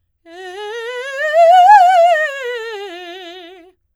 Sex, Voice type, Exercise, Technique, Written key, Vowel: female, soprano, scales, fast/articulated forte, F major, e